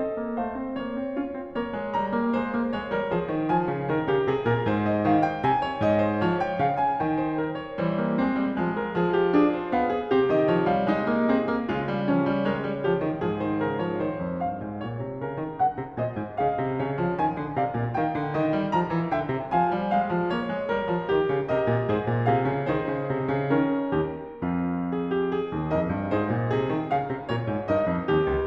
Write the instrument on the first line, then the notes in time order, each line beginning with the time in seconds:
piano
0.00 C4 A4 D#5
0.17 A#3
0.37 A3 C5 F5
0.58 C4
0.74 A#3 C#5
0.98 C4
1.17 C#4 F4
1.30 C4
1.52 A#3 A#4 C#5
1.74 G#3
1.93 G3 A#5
2.12 A#3
2.31 G#3 C5
2.51 A#3
2.69 G#3 C#5
2.94 G3 A#4
3.16 F3 G#4 C5
3.31 D#3
3.51 F3 G#5
3.72 C#3
3.90 D#3 A#4
4.08 C#3 G4
4.26 C3 G#4
4.46 A#2 A#4
4.63 G#2 C5
4.85 D#5
5.10 D#3 F5
5.31 G5
5.46 C3 G#5
5.63 C#5
5.83 G#2 D#5
5.98 C5
6.18 F3 C#5
6.41 G5
6.57 C#3 F5
6.79 G#5
6.99 D#3 G5
7.20 C5
7.38 A#4
7.56 C#5
7.78 E3 G3 C5
7.99 A#3
8.21 G#3 C4
8.38 G3
8.57 F3 G#3
8.73 A#4
8.94 F3 G#4
9.14 G4
9.33 D4 G#4
9.52 C5
9.71 B3 F5
9.89 G#4
10.09 C3 C4 G4
10.33 D#3 D#5
10.52 F3 C#5
10.74 G3 F5
10.95 G#3 D#4 D#5
11.13 A#3
11.28 C4 G#4
11.45 A#3
11.68 C#3 G#3 F4
11.85 G3
12.07 F3 C#4
12.32 G3
12.48 G#3 A#4 C#5
12.67 G3
12.86 F3 G4
12.99 D#3
13.22 G#2 F3 G#4
13.43 D#3 C5
13.64 C#3 A#4
13.80 F3 C#5
14.00 D#3 C5
14.22 F2
14.43 G2 F5
14.61 G#2
14.84 A#2 C#5
15.07 C3
15.21 C#3 A#4
15.41 D#3
15.56 C#3 F#5
15.73 C3
15.93 A#2 C5 D#5
16.16 G#2
16.38 C#3 G#4 F5
16.61 C3
16.82 C#3 C#5
17.02 F3
17.21 D#3 G#5
17.37 D3
17.58 C3 D5 F5
17.75 A#2
17.97 D#3 A#4 G5
18.17 D3
18.38 D#3 D#5
18.56 G3
18.75 F3 A#5
18.92 E3
19.11 D3 E5 G5
19.30 C3
19.50 F3 C5 F5 G#5
19.66 G3
19.88 G#3 F5
20.12 F3
20.32 A#3 C#5
20.47 G#3
20.67 G3 A#4
20.86 F3
21.11 D#3 G4
21.30 C#3
21.51 C3 G4 A#4 D#5
21.66 A#2
21.88 G#2 G#4 C5
22.08 A#2
22.27 C3 F4 G#4 F5
22.49 C#3
22.70 D#3 D#4 G#4 C5
22.89 C#3
23.13 C3
23.34 C#3
23.53 D#3 C#4 A#4
23.94 D#2 G4
24.43 F2 C4 F4
24.95 G#4
25.17 G4
25.31 G#4
25.50 D#2
25.67 F2 D#4 A#4 D#5
25.88 G2
26.11 G#2 D#4 G#4 C5
26.37 A#2
26.56 C3 G#4
26.75 D#3
26.92 C#3 F5
27.05 C3
27.23 A#2 F4 A#4 C#5
27.45 G#2
27.69 G2 D#4 A#4 D#5
27.86 F2
28.12 D#2 G4
28.31 C#2